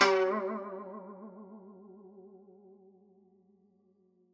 <region> pitch_keycenter=54 lokey=53 hikey=55 volume=5.925591 lovel=84 hivel=127 ampeg_attack=0.004000 ampeg_release=0.300000 sample=Chordophones/Zithers/Dan Tranh/Vibrato/F#2_vib_ff_1.wav